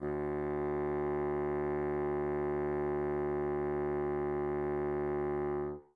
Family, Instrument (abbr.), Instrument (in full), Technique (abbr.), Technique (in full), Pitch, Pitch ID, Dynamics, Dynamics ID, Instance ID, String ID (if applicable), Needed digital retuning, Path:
Winds, Bn, Bassoon, ord, ordinario, D2, 38, mf, 2, 0, , FALSE, Winds/Bassoon/ordinario/Bn-ord-D2-mf-N-N.wav